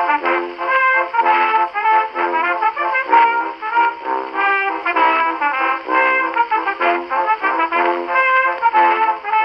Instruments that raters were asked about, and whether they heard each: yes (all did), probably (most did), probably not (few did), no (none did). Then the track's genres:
trumpet: yes
Old-Time / Historic